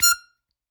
<region> pitch_keycenter=89 lokey=87 hikey=91 volume=0.129213 seq_position=2 seq_length=2 ampeg_attack=0.004000 ampeg_release=0.300000 sample=Aerophones/Free Aerophones/Harmonica-Hohner-Special20-F/Sustains/Stac/Hohner-Special20-F_Stac_F5_rr2.wav